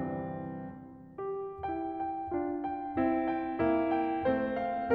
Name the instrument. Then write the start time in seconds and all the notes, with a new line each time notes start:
piano
0.01 C2 E3 G3 C4
1.22 G4
1.67 E4 G4 G5
1.99 G5
2.35 D4 F4
2.66 G5
2.97 C4 E4
3.31 G5
3.59 A#3 E4
3.93 G5
4.29 A3 C4 C5
4.59 F5